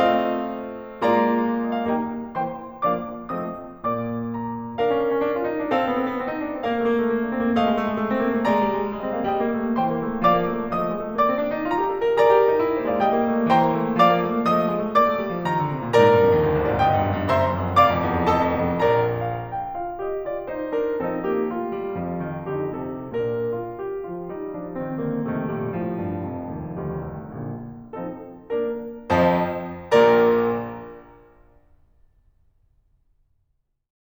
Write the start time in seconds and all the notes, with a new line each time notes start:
0.01 A3 C4 F4 D#5 F5
1.06 G#3 A#3 F4 D5 A#5
1.71 D#5
1.82 F5
1.92 G3 D#4 G5 A#5
2.37 E3 A#3 C4 C5 G5 C6
2.84 F3 A#3 D4 D5 F5 D6
3.33 F3 A3 C4 D#5 D#6
3.81 A#2 A#3 D5 D6
4.38 A#5
4.79 D4 A#4 F5
4.87 C#4
4.97 D4
5.10 C#4
5.23 D4
5.37 F4
5.49 D#4
5.63 D4
5.76 C4 A#4 F5
5.88 B3
5.97 C4
6.07 B3
6.19 C4
6.28 D#4
6.37 D4
6.53 C4
6.64 A#3 A#4 F5
6.75 A3
6.86 A#3
6.96 A3
7.05 A#3
7.24 D4
7.33 C4 C5
7.44 A#3 D5
7.54 A3 D#5 F5
7.63 G#3
7.73 A3
7.88 G#3
7.98 A3
8.11 C4
8.21 A#3
8.30 A3
8.46 G#3 D5 A#5
8.59 G3
8.75 G#3
8.84 G3
8.96 G#3
9.05 C4
9.13 A#3 D#5
9.21 G#3 F5
9.31 G3 G5 A#5
9.39 A#3
9.47 A3
9.56 A#3
9.75 E3 C5 G5 C6
9.86 A#3
10.00 A3
10.16 A#3
10.26 F3 D5 F5 D6
10.34 A#3
10.45 A3
10.55 A#3
10.68 F3 D#5 D#6
10.79 A3
10.91 G#3
11.04 A3
11.14 A#3 D5 D6
11.27 C4
11.37 D4
11.52 D#4
11.66 F4 A#5
11.81 G4
11.91 A4
12.03 A#4
12.23 G#4 A#4 D5 A#5
12.34 G4
12.44 F4
12.50 D#4
12.59 D4
12.68 C4
12.77 A#3 C5 D#5
12.89 G#3 D5 F5
13.01 G3 G5 A#5
13.10 A#3
13.24 A3
13.33 A#3
13.50 E3 C5 G5 C6
13.59 A#3
13.73 A3
13.86 A#3
13.96 F3 D5 F5 D6
14.10 A#3
14.20 A3
14.32 A#3
14.46 F3 D#5 D#6
14.58 A3
14.70 G#3
14.82 A3
14.95 A#3 D5 D6
15.09 A3
15.20 G3
15.33 F3
15.45 D#3 A#5
15.56 D3
15.67 C3
15.84 A#2
15.93 G#2 A#4 D5 A#5
16.10 G2
16.20 F2
16.31 D#2
16.43 D2
16.55 C2
16.63 A#1 C5 D#5
16.72 G#1 D5 F5
16.85 G1 D#5 G5 A#5
16.97 G2
17.07 F#2
17.19 G2
17.29 F#1 C5 E5 A#5 C6
17.40 F#2
17.51 F2
17.63 G2
17.79 F1 D5 F5 A#5 D6
17.92 F2
18.06 E2
18.18 F2
18.29 F1 A4 D#5 A5
18.41 F2
18.56 E2
18.69 F2
18.92 A#1 A#4 D5 A#5
19.24 F5
19.53 G5
19.74 F4 F5
20.01 G4 D#5
20.24 F4 D5
20.51 D#4 C5
20.74 D4 A#4
21.00 F3 C4 D#4 A4
21.28 A#3 G4
21.47 A3 F4
21.68 G3
21.89 F2 F3
22.16 D#3
22.51 D3 D#4 G4
22.87 C3 A4
23.20 A#2 D4 A#4
23.50 F4
23.83 G4
24.05 F3 F4
24.27 G3 D#4
24.55 F3 D4
24.75 D#3 C4
24.98 D3 A#3
25.28 F2 C3 D#3 A3
25.54 A#2 G3
25.80 A2 F3
26.01 G2
26.24 F1 F2
26.49 D#2
26.76 D2 D#3 G3
27.14 C2 A3
27.41 A#1 D3 A#3
27.97 F3 C4 D#4 A4
28.47 A#3 D4 A#4
29.09 F2 F3 C5 D#5 A5
29.94 A#1 A#2 A#4 D5 A#5
32.10 A#5